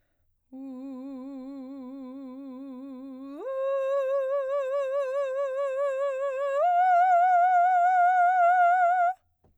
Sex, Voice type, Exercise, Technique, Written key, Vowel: female, soprano, long tones, full voice pianissimo, , u